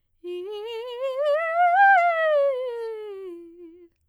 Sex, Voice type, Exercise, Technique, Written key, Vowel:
female, soprano, scales, fast/articulated piano, F major, i